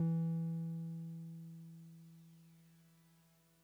<region> pitch_keycenter=52 lokey=51 hikey=54 volume=21.289330 lovel=0 hivel=65 ampeg_attack=0.004000 ampeg_release=0.100000 sample=Electrophones/TX81Z/Piano 1/Piano 1_E2_vl1.wav